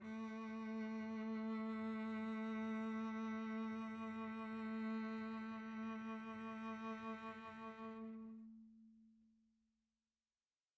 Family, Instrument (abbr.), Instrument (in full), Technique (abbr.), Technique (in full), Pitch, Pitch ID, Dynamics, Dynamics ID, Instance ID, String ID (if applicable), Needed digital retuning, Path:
Strings, Vc, Cello, ord, ordinario, A3, 57, pp, 0, 2, 3, FALSE, Strings/Violoncello/ordinario/Vc-ord-A3-pp-3c-N.wav